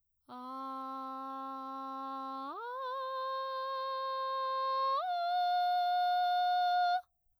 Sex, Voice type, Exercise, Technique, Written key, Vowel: female, soprano, long tones, straight tone, , a